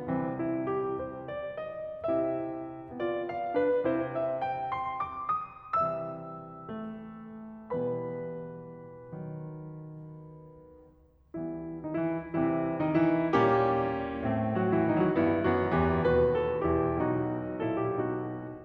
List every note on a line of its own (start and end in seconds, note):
0.01 0.35 C2
0.01 0.35 C3
0.01 0.35 E3
0.01 0.35 C4
0.35 0.62 E4
0.62 0.96 G4
0.96 1.26 C5
1.27 1.60 D5
1.60 2.06 D#5
2.06 3.86 C3
2.06 2.92 C4
2.06 2.92 E4
2.06 2.92 G4
2.06 2.92 E5
2.92 3.54 B3
2.92 3.86 F4
2.92 3.26 D5
3.26 3.54 F5
3.54 3.86 D4
3.54 3.86 B4
3.86 4.15 C3
3.86 4.15 C4
3.86 4.15 E4
3.86 4.15 C5
4.15 4.43 E5
4.44 4.79 G5
4.79 5.16 C6
5.16 5.49 D6
5.49 5.81 D#6
5.82 7.89 C3
5.82 7.89 E3
5.82 6.84 G3
5.82 7.89 E5
5.82 7.89 E6
6.86 7.89 A3
7.91 11.36 B2
7.91 9.13 E3
7.91 9.13 G3
7.91 11.36 B3
7.91 11.36 B4
7.91 11.36 B5
9.13 11.36 D#3
9.13 11.36 F#3
11.36 11.85 E3
11.36 12.30 G3
11.36 12.30 B3
11.36 11.85 E4
11.85 11.99 D#3
11.85 11.99 D#4
11.99 12.30 E3
11.99 12.30 E4
12.30 13.31 C3
12.30 12.85 E3
12.30 13.31 G3
12.30 13.31 C4
12.30 12.85 E4
12.85 12.96 D#3
12.85 12.96 D#4
12.96 13.31 E3
12.96 13.31 E4
13.32 14.26 A#2
13.32 14.56 G3
13.32 14.26 A#3
13.32 14.26 C#4
13.32 14.56 G4
14.29 15.18 A2
14.29 15.18 A3
14.29 15.18 C4
14.56 14.70 F#3
14.56 14.70 F#4
14.70 14.85 E3
14.70 14.85 E4
14.85 15.03 D#3
14.85 15.03 D#4
15.03 15.18 F#3
15.03 15.18 F#4
15.18 15.52 G2
15.18 15.52 E3
15.18 15.52 B3
15.18 15.52 E4
15.52 15.77 F#2
15.52 15.77 D#3
15.52 15.77 B3
15.52 15.77 F#4
15.78 16.04 E2
15.78 16.04 E3
15.78 16.04 B3
15.78 16.04 G4
16.04 16.63 D#2
16.04 16.63 B2
16.04 16.63 F#4
16.04 16.40 B4
16.40 16.63 A4
16.63 16.99 E2
16.63 16.99 B2
16.63 16.99 E4
16.63 16.99 G4
16.99 18.47 B1
16.99 17.59 B2
16.99 17.59 D#4
16.99 17.59 F#4
17.59 18.04 A#2
17.59 18.04 E4
17.59 17.77 A4
17.78 18.04 G4
18.04 18.47 B2
18.04 18.47 D#4
18.04 18.47 F#4